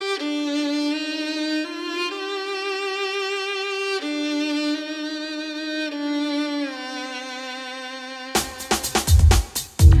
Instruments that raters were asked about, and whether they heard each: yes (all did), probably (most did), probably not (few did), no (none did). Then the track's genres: saxophone: probably not
violin: yes
Funk; Hip-Hop; Bigbeat